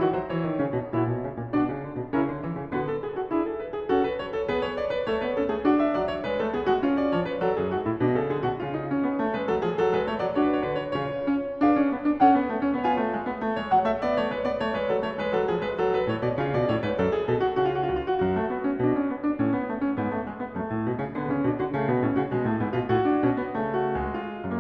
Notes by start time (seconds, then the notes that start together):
0.00 D#3 F#4
0.15 F#3 C5
0.31 E3 C#5
0.46 D#3
0.62 C#3 C#4
0.75 B2
0.96 A#2 E4 F#4 C#5
1.14 B2
1.27 C#3
1.39 A#2
1.53 B2 D4 F#4 D5
1.66 C#3
1.80 D3
1.96 B2
2.11 C#3 C#4 E4 A#4
2.28 D3
2.40 E3
2.52 C#3
2.67 D3 B3 F#4 B4
2.82 A4
2.97 G#4
3.16 F#4
3.32 D4 E4 G#4
3.45 A4
3.55 B4
3.73 G#4
3.88 C#4 F#4 A4
4.01 B4
4.13 C#5
4.33 A4
4.48 B3 G#4 B4
4.64 C#5
4.79 D5
4.93 B4
5.09 A3 A4 C#5
5.24 B3 B4
5.36 C#4 A4
5.49 A3 G#4
5.65 D4 F#4
5.83 E5
5.97 F#3 D5
6.12 C#5
6.26 G#3 B4
6.41 A3 A4
6.52 B3 G#4
6.64 G#3 F#4
6.79 C#4 F4
6.94 D5
7.11 F3 C#5
7.27 B4
7.42 F#3 A4
7.56 F#2 G#4
7.70 G#2 F#4
7.85 A2 E4
7.98 B2 D4
8.17 C#3 A4
8.34 D3 G#4
8.44 B2 F#4
8.59 C#3 F4
8.81 D#4
8.94 C#4
9.04 B3
9.20 A3
9.35 G#3 B4
9.49 F#3 A4
9.64 F3 G#4
9.79 F#3 A4
9.94 G#3 B4
10.09 A3 C#5
10.24 F#3 D5
10.37 D4 F#4 C#5
10.43 B4
10.48 C#5
10.55 B4
10.60 C#5
10.66 D3 B4
10.82 C#5
10.95 C#3 F4 C#5
11.26 C#4
11.61 D4 G#4 B4 E5
11.78 C#4
11.92 B3
12.05 D4
12.21 C#4 A4 C#5 F#5
12.36 B3
12.48 A3
12.61 C#4
12.75 B3 F4
12.79 C#5
12.84 G#5
12.96 A3
13.12 G#3
13.28 B3
13.42 A3
13.56 G#3 C#5
13.68 F#3 F#5
13.84 A3 E5
14.00 B3 D5
14.14 A3 C#5
14.30 G#3 B4
14.44 B3 D5
14.61 A3 C#5
14.77 G#3 B4
14.90 F#3 A4
15.05 A3 C#5
15.20 G#3 B4
15.35 F#3 A4
15.48 F3 G#4
15.64 G#3 B4
15.78 F#3 A4
15.94 B4
16.08 A2 C#5
16.24 B2 D5
16.40 C#3 F4
16.53 B2 D5
16.67 A2 C#5
16.80 G#2 B4
16.95 F#2 A4
17.12 G#4
17.28 B2 A4
17.46 F#4
17.59 C#3 F#4
17.68 F4
17.76 F#4
17.82 F4
17.89 F#4
17.94 C#2 F4
18.09 F#4
18.20 F#2
18.25 F#4
18.37 A3
18.52 B3
18.66 C#4
18.76 B2 D4
18.99 C#4
19.12 B3
19.28 D4
19.39 A2
19.45 C#4
19.57 B3
19.68 A3
19.81 C#4
19.89 G#2 B3
20.07 A3
20.21 G#3
20.36 B3
20.48 F#2
20.54 A3
20.64 A2
20.87 B2
21.01 C#3
21.15 D3 B3
21.28 C#3
21.34 C#4
21.43 B2
21.48 D4
21.59 D3
21.64 F#4
21.75 C#3
21.79 A3
21.88 B2 B3
22.01 A2
22.06 C#4
22.16 C#3
22.21 F#4
22.30 B2 G#3
22.45 A2
22.50 A3
22.59 G#2
22.64 B3
22.73 B2
22.78 F4
22.88 A2
22.93 F#4
23.12 D4
23.22 B2 C#4
23.35 B3
23.49 C#3
23.55 A3
23.74 F#4
23.94 C#2
23.99 G#3
24.25 F4
24.46 F#2